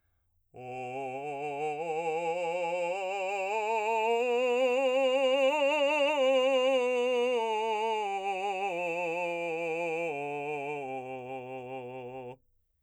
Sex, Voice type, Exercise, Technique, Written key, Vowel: male, , scales, slow/legato forte, C major, o